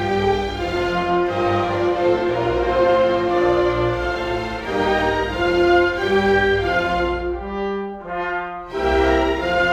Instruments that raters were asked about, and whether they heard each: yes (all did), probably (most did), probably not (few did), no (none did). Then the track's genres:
bass: no
violin: probably
trombone: probably
trumpet: probably
Classical